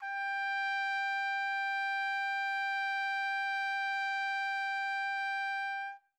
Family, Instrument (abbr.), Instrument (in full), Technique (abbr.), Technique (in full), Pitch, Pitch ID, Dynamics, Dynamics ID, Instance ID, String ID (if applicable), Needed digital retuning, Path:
Brass, TpC, Trumpet in C, ord, ordinario, G5, 79, mf, 2, 0, , FALSE, Brass/Trumpet_C/ordinario/TpC-ord-G5-mf-N-N.wav